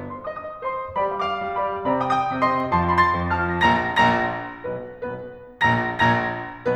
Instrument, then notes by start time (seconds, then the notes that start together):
piano
0.12 C5 C6
0.29 D#5 D#6
0.37 D#5 D#6
0.71 C5 C6
1.04 G3 G4 D5 B5
1.25 F5 D6
1.43 G3
1.57 G4 D5 B5
1.83 C3 C4 D5 B5
2.03 G5 D#6
2.11 G5 D#6
2.28 C3
2.41 C4 D#5 C6
2.71 F2 F3 A5 C6
2.94 C6 A6
3.02 C6 A6
3.18 F2
3.33 F3 A5 F6
3.68 A#1 A#2 A#5 A#6
3.98 A#1 A#2 A#5 A#6
4.63 B1 B2 B3 B4
4.93 B1 B2 B3 B4
5.65 A#1 A#2 A#5 A#6
6.08 A#1 A#2 A#5 A#6